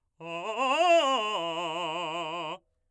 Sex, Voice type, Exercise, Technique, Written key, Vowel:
male, , arpeggios, fast/articulated forte, F major, a